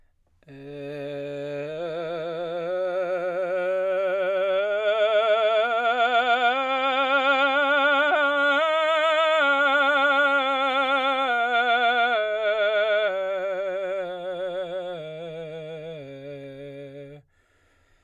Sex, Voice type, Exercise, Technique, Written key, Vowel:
male, baritone, scales, slow/legato forte, C major, e